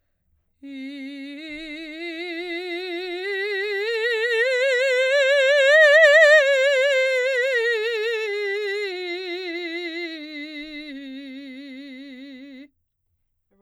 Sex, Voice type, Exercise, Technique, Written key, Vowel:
female, soprano, scales, vibrato, , i